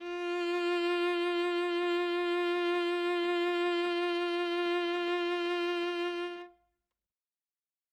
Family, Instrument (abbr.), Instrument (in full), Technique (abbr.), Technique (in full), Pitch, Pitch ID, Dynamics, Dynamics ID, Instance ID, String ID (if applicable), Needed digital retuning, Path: Strings, Va, Viola, ord, ordinario, F4, 65, ff, 4, 1, 2, TRUE, Strings/Viola/ordinario/Va-ord-F4-ff-2c-T10u.wav